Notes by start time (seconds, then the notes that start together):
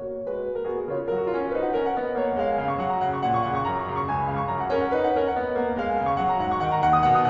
0.00 A#3 F#4 C#5
0.23 G#3 F#4 B4
0.56 A#3 A#4
0.66 B3 F#4 G#4
0.91 C#3 F4 C#5
1.11 F#3 A#4
1.21 F#4
1.37 C#4 F4
1.46 F#4
1.58 D#4 B4
1.68 F#5
1.78 C#4 A#4
1.87 F#5
1.99 B3 D#5
2.09 F#5
2.18 A#3 C#5
2.29 F#5
2.38 G#3 F5
2.50 G#5
2.61 C#3 F5
2.72 C#6
2.81 F#3 F#5
2.94 A#5
3.05 C#3 F#5
3.17 C#6
3.26 A#2 F#5
3.38 C#6
3.51 C#3 A#5
3.68 C#6
3.77 F#2 A#5
3.87 C#6
3.94 C#3 A#5
4.02 C#6
4.11 C#2 G#5
4.21 B5
4.28 C#3 F5
4.38 C#6
4.48 F#2 A#5
4.59 F#5
4.71 C#4 A#4
4.82 F#5
4.91 D#4 B4
5.04 F#5
5.17 C#4 A#4
5.29 F#5
5.39 B3 D#5
5.51 F#5
5.62 A#3 C#5
5.70 F#5
5.79 G#3 F5
5.89 G#5
5.98 C#3 F5
6.07 C#6
6.21 F#3 F#5
6.32 A#5
6.42 F#2 F#5
6.51 C#6
6.62 D#3 F#5
6.72 A#5
6.84 D#2 F#5
6.95 D#6
7.09 B2 F#5
7.20 D#6